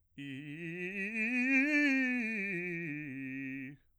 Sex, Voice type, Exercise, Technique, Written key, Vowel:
male, bass, scales, fast/articulated piano, C major, i